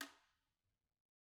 <region> pitch_keycenter=61 lokey=61 hikey=61 volume=13.101294 offset=177 seq_position=2 seq_length=2 ampeg_attack=0.004000 ampeg_release=30.000000 sample=Idiophones/Struck Idiophones/Guiro/Guiro_Hit_rr2_Mid.wav